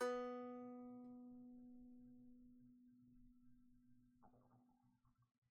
<region> pitch_keycenter=59 lokey=59 hikey=60 volume=11.535541 lovel=0 hivel=65 ampeg_attack=0.004000 ampeg_release=15.000000 sample=Chordophones/Composite Chordophones/Strumstick/Finger/Strumstick_Finger_Str2_Main_B2_vl1_rr1.wav